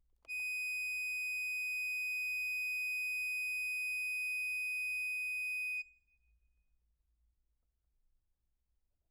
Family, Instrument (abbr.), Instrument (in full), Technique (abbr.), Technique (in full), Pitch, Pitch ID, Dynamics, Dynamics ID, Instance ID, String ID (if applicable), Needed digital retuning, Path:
Keyboards, Acc, Accordion, ord, ordinario, D#7, 99, mf, 2, 0, , FALSE, Keyboards/Accordion/ordinario/Acc-ord-D#7-mf-N-N.wav